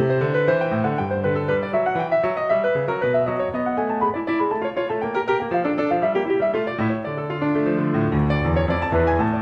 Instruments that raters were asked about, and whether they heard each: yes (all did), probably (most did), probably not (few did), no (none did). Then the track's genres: piano: yes
banjo: no
Classical